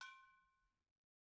<region> pitch_keycenter=66 lokey=66 hikey=66 volume=20.044582 offset=262 lovel=0 hivel=65 ampeg_attack=0.004000 ampeg_release=10.000000 sample=Idiophones/Struck Idiophones/Brake Drum/BrakeDrum2_Hammer3_v1_rr1_Mid.wav